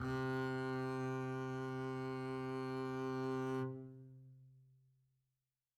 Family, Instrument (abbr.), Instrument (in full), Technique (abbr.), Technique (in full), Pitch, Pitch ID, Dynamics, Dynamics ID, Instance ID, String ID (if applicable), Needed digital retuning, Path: Strings, Cb, Contrabass, ord, ordinario, C3, 48, mf, 2, 0, 1, FALSE, Strings/Contrabass/ordinario/Cb-ord-C3-mf-1c-N.wav